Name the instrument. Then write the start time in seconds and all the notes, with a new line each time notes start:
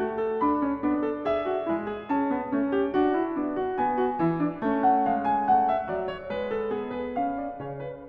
piano
0.00 A3 F#4
0.22 A4
0.39 D4 B5
0.62 C#4
0.82 B3 D4
1.02 A4
1.21 G#4 E5
1.47 F#4
1.67 G#3 E4
1.88 G#4
2.10 C#4 A5
2.33 B3
2.52 A3 C#4
2.71 G4
2.91 D4 F#4
3.13 E4
3.33 B3 D4
3.59 F#4
3.77 B3 G#5
3.97 F#4
4.21 E3 E4
4.44 D4
4.63 A3 C#4
4.83 F#5
5.06 G#3 F5
5.27 G#5
5.49 A3 F#5
5.69 E5
5.87 F#3 D5
6.08 C#5
6.32 G#3 B4
6.54 A4
6.75 B3 G#4
6.92 B4
7.20 C#4 F5
7.38 D5
7.59 C#5
7.65 C#3
7.87 B4